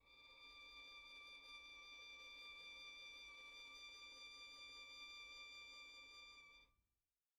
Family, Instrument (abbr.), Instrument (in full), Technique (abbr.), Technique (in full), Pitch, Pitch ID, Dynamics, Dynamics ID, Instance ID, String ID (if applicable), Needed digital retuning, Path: Strings, Vn, Violin, ord, ordinario, D6, 86, pp, 0, 1, 2, FALSE, Strings/Violin/ordinario/Vn-ord-D6-pp-2c-N.wav